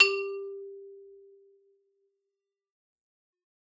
<region> pitch_keycenter=55 lokey=55 hikey=57 volume=1.425835 lovel=84 hivel=127 ampeg_attack=0.004000 ampeg_release=15.000000 sample=Idiophones/Struck Idiophones/Xylophone/Medium Mallets/Xylo_Medium_G3_ff_01_far.wav